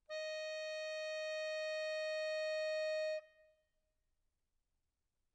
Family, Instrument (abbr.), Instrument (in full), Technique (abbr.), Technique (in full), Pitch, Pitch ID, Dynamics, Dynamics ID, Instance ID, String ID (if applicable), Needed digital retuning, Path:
Keyboards, Acc, Accordion, ord, ordinario, D#5, 75, mf, 2, 3, , TRUE, Keyboards/Accordion/ordinario/Acc-ord-D#5-mf-alt3-T10d.wav